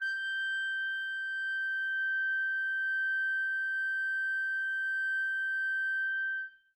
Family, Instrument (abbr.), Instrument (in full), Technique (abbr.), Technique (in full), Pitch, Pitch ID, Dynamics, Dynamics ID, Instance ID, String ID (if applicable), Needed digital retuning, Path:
Winds, ClBb, Clarinet in Bb, ord, ordinario, G6, 91, mf, 2, 0, , FALSE, Winds/Clarinet_Bb/ordinario/ClBb-ord-G6-mf-N-N.wav